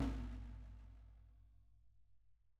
<region> pitch_keycenter=64 lokey=64 hikey=64 volume=19.887382 lovel=66 hivel=99 seq_position=2 seq_length=2 ampeg_attack=0.004000 ampeg_release=30.000000 sample=Membranophones/Struck Membranophones/Snare Drum, Rope Tension/Low/RopeSnare_low_sn_Main_vl2_rr2.wav